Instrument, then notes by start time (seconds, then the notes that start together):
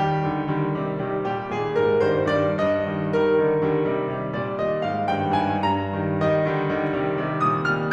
piano
0.01 D#3 G3 A#4
0.23 D3 D#3 G3
0.45 D3 D#3 G3
0.71 C3 D#3 G3
1.03 C3 D#3 G3
1.29 A#2 D#3 G3 G4
1.53 A#2 D#3 G3 G#4
1.77 G#2 D#3 G3 A#4
2.03 G2 D#3 G3 C5
2.36 G2 D#3 G3 D5
2.62 G2 D#5
2.91 D#3 G3
3.13 D#3 G3 A#4
3.42 D3 D#3 G3
3.72 D3 D#3 G3
3.94 C3 D#3 G3
4.12 C3 D#3 G3
4.34 A#2 D#3 G3 D5
4.55 A#2 D#3 G3 D#5
4.82 G#2 D#3 G3 F5
5.08 G2 D#3 G3 G5
5.37 G2 D#3 G3 G#5
5.66 G2 A#5
5.95 D#3 G3
6.19 D#3 G3 D#5
6.44 D3 D#3 G3
6.67 D3 D#3 G3
6.90 C3 D#3 G3
7.13 C3 D#3 G3
7.40 A#2 D#3 G3 D#6
7.69 A#2 D#3 G3 F6